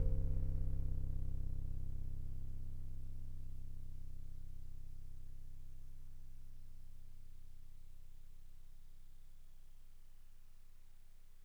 <region> pitch_keycenter=24 lokey=24 hikey=26 tune=-3 volume=17.082769 lovel=0 hivel=65 ampeg_attack=0.004000 ampeg_release=0.100000 sample=Electrophones/TX81Z/FM Piano/FMPiano_C0_vl1.wav